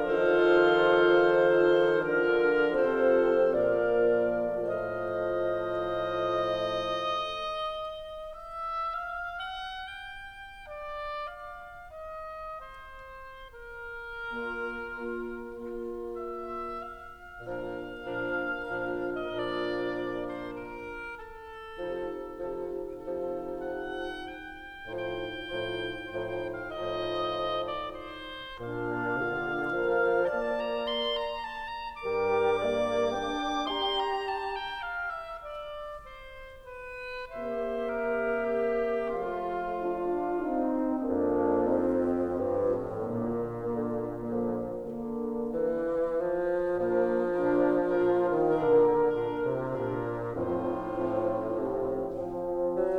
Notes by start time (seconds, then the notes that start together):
0.00 D#3 F3 D#4 F4 A4 C5 F5
2.07 D3 D4 A#4
2.65 C3 F3 C4 F4 A4 C5
3.47 A#2 F3 A#3 F4 A#4 D5 F5
4.67 A2 F3 A3 F4 C5 D#5 F5
8.09 E5
8.92 F5
9.07 F#5
9.95 G5
11.90 D5
12.25 F5
12.63 D#5
13.04 C5
13.64 A#4
14.29 A#3 D4 F4
14.92 A#3 D4 F4
15.42 A#3 D4 F4
15.96 E5
16.60 F5
17.41 A#2 F3 D4 A#4 F5
17.93 A#2 F3 D4 A#4
18.52 A#2 F3 D4 A#4
19.42 D#5
19.56 A#2 F3 D4 A#4 D5
20.60 C5
20.81 A#4
21.39 A4
21.78 C3 F3 D#4 A4
22.29 C3 F3 D#4 A4
23.28 C3 F3 D#4 A4
23.74 F#5
24.26 G5
24.86 A2 F3 D#4 C5 G5
25.29 A2 F3 D#4 C5
26.12 A2 F3 D#4 C5
26.46 F5
26.59 A2 F3 D#4 C5 D#5
27.81 D5
28.10 C5
28.63 A#2 D4 F5
29.15 D3 F4
29.64 F3 A#4
30.21 A#3 D5 A5
30.50 A#5
30.86 C6
31.20 A#5
31.43 A5
31.71 A#5
32.02 G2 G3 A#4 D6
32.58 A#3 D5
33.16 D4 G5
33.73 G4 A#5 C6
33.98 A#5
34.31 A5
34.62 G5
34.91 F5
35.17 E5
35.48 D5
36.01 C5
36.76 B4
37.30 C3 A#3 G4 C5 E5
37.81 A#4
38.57 G4
39.14 F3 A3 F4 F5
39.62 D4 F4
40.44 C4 D#4
41.05 F2 A#3 D4
41.60 C4 D#4
42.26 G2 F3 C4
42.59 A2
42.93 A#2 D3 A#3
43.35 D3 A#3
44.22 D3 F3 A#3
44.81 D3 A#3
45.42 E3
46.03 F3
46.81 A#2 F3 A#3 D4 F4 A#4
47.25 A#2 D4 F4 A#4
47.94 A#2 D4 F4 A#4
48.33 D#3
48.52 A#2 D3 D4 F4 A#4
49.37 A#2 D4 F4 A#4
49.62 C3
49.85 A#2 D4 F4 A#4
50.35 F2 A2 F3 C4 D#4 F4 C5
50.85 A2 F3 C4
51.61 C3 F3 C4
52.14 F3 C4
52.58 F#3